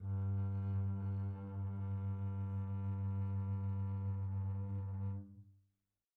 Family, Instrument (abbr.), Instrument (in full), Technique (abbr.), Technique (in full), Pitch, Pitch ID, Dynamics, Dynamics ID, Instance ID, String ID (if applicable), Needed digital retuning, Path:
Strings, Cb, Contrabass, ord, ordinario, G2, 43, pp, 0, 3, 4, TRUE, Strings/Contrabass/ordinario/Cb-ord-G2-pp-4c-T13u.wav